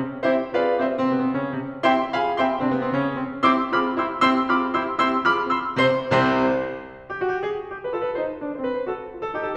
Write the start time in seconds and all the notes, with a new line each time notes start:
0.00 C3 C4
0.28 C4 E4 G4 C5 E5
0.55 C4 F4 G#4 B4 D5 F5
0.81 E4 G4 C5 E5
0.95 C3 C4
1.07 B2 B3
1.17 C3 C4
1.31 C#3 C#4
1.59 C3 C4
1.83 C4 E4 G4 E5 G5 C6
2.09 C4 F4 G#4 F5 G#5 B5
2.37 E4 G4 E5 G5 C6
2.47 C3 C4
2.62 B2 B3
2.74 C3 C4
2.90 C#3 C#4
3.18 C3 C4
3.44 C4 E4 G4 C6 E6
3.75 C4 F4 G#4 B5 D6 F6
3.98 E4 G4 C6 E6
4.31 C4 E4 G4 C6 E6
4.55 C4 F4 G#4 B5 D6 F6
4.85 E4 G4 C6 E6
5.11 C4 E4 G4 C6 E6
5.36 C4 F4 G#4 B5 D6 F6
5.61 E4 G4 C6 E6
5.92 C3 C4 C5 C6
6.15 C2 C3 C4 C5
7.04 G4
7.19 F#4
7.29 G4
7.47 G#4
7.74 G4
7.84 B4
7.95 F4 A4
8.07 B4
8.20 D#4 C5
8.43 D4
8.58 C5
8.65 C4 B4
8.77 C5
8.89 F#4 A4
9.11 F4
9.22 A4
9.33 D#4 G4
9.45 A4